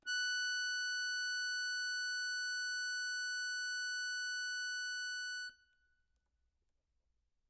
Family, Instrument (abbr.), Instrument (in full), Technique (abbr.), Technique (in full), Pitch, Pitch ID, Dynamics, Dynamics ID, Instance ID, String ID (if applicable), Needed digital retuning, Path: Keyboards, Acc, Accordion, ord, ordinario, F#6, 90, mf, 2, 0, , FALSE, Keyboards/Accordion/ordinario/Acc-ord-F#6-mf-N-N.wav